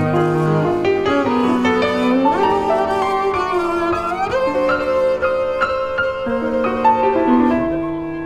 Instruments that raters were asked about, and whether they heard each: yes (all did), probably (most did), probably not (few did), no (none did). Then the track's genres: piano: yes
violin: probably
Free-Jazz; Improv